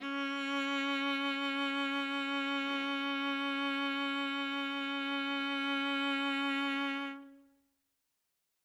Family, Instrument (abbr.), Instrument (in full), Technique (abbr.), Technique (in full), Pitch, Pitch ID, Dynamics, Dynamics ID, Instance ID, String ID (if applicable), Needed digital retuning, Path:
Strings, Va, Viola, ord, ordinario, C#4, 61, ff, 4, 2, 3, FALSE, Strings/Viola/ordinario/Va-ord-C#4-ff-3c-N.wav